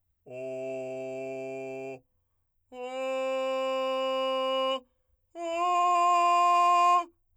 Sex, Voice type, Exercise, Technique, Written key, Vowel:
male, , long tones, straight tone, , o